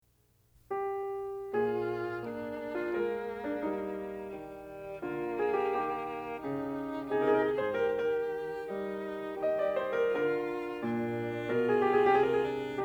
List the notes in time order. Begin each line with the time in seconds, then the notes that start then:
0.71 G4
1.53 A#2 F4 G#4
2.19 A#3 D4
2.75 F4
2.92 G#3 A#3 A#4
3.45 D4
3.61 G3 D#4
4.28 D#3 G3
5.04 D3 A#3 F4
5.36 G#4
5.53 G4
5.70 D#3 G4
6.40 C#3 D#4
7.10 C3 D#4 G#4
7.21 A#4
7.33 G#4
7.44 A#4
7.53 G#2 G#4 C5
7.73 G4 A#4
7.92 D#3 G4 A#4
8.65 G3 D#4
9.38 D#3 G4 D#5
9.58 D5
9.75 C5
9.95 A#4
10.13 D3 F4 A#4
10.75 A#2 D4
11.48 B2 F4 A#4
11.57 G#4
11.82 G4
12.00 G#4
12.15 C3 G4
12.24 G#4
12.31 A#4
12.40 G#4
12.48 D4